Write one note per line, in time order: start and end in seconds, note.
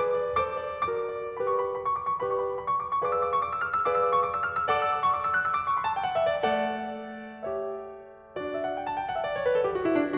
0.04 0.25 G#4
0.04 0.25 B4
0.04 0.51 D6
0.25 0.51 D5
0.52 0.73 A4
0.52 0.73 C5
0.52 0.89 D6
0.73 0.89 D5
0.89 1.13 F#4
0.89 1.13 A#4
0.89 1.36 D6
1.16 1.36 D5
1.38 1.85 G4
1.38 1.85 B4
1.38 1.65 B5
1.48 1.74 C#6
1.65 1.85 B5
1.74 1.96 A#5
1.85 2.04 B5
1.97 2.14 C#6
2.05 2.22 D6
2.14 2.37 C#6
2.22 2.64 G4
2.22 2.64 B4
2.22 2.64 D5
2.22 2.47 B5
2.40 2.56 C#6
2.48 2.64 B5
2.57 2.77 A#5
2.66 2.86 B5
2.77 2.95 C#6
2.86 3.02 D6
2.97 3.09 C#6
3.04 3.44 G#4
3.04 3.44 B4
3.04 3.44 D5
3.04 3.44 F5
3.04 3.27 D6
3.11 3.36 E6
3.27 3.44 D6
3.36 3.52 C#6
3.44 3.62 D6
3.54 3.74 E6
3.63 3.86 F6
3.76 3.94 E6
3.86 4.27 G#4
3.86 4.27 B4
3.86 4.27 D5
3.86 4.27 F5
3.86 4.06 D6
3.94 4.15 E6
4.07 4.27 D6
4.17 4.41 C#6
4.30 4.52 D6
4.42 4.60 E6
4.52 4.68 F6
4.60 4.81 E6
4.70 5.14 A4
4.70 5.14 D5
4.70 5.14 F#5
4.70 4.92 D6
4.82 5.04 E6
4.93 5.14 D6
5.04 5.28 C#6
5.14 5.36 D6
5.28 5.49 E6
5.38 5.58 F#6
5.50 5.68 E6
5.59 5.79 D6
5.68 5.87 C#6
5.79 5.96 B5
5.89 6.05 A5
5.97 6.14 G5
6.07 6.26 F#5
6.15 6.45 E5
6.45 8.35 A3
6.45 7.51 A4
6.45 6.64 D5
6.45 7.51 F#5
7.52 8.35 G4
7.52 8.35 C#5
7.52 8.35 E5
8.35 8.81 D4
8.35 8.81 F#4
8.35 8.56 D5
8.45 8.70 E5
8.57 8.81 F#5
8.71 8.95 G5
8.82 9.06 A5
8.95 9.15 G5
9.06 9.24 F#5
9.15 9.38 E5
9.26 9.46 D5
9.39 9.56 C#5
9.47 9.70 B4
9.56 9.80 A4
9.70 9.89 G4
9.82 9.97 F#4
9.90 10.18 E4